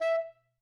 <region> pitch_keycenter=76 lokey=76 hikey=76 tune=3 volume=16.470390 lovel=0 hivel=83 ampeg_attack=0.004000 ampeg_release=1.500000 sample=Aerophones/Reed Aerophones/Tenor Saxophone/Staccato/Tenor_Staccato_Main_E4_vl1_rr1.wav